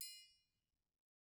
<region> pitch_keycenter=71 lokey=71 hikey=71 volume=21.336629 offset=184 lovel=0 hivel=83 seq_position=1 seq_length=2 ampeg_attack=0.004000 ampeg_release=30.000000 sample=Idiophones/Struck Idiophones/Triangles/Triangle6_HitM_v1_rr1_Mid.wav